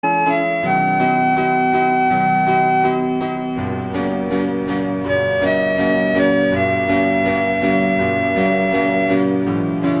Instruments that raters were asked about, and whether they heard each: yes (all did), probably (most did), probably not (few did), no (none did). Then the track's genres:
clarinet: probably
violin: no
trumpet: no
Soundtrack; Instrumental